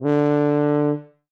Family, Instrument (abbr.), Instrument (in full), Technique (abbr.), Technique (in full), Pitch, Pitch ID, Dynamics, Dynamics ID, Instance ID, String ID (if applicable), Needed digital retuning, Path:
Brass, BTb, Bass Tuba, ord, ordinario, D3, 50, ff, 4, 0, , TRUE, Brass/Bass_Tuba/ordinario/BTb-ord-D3-ff-N-T15u.wav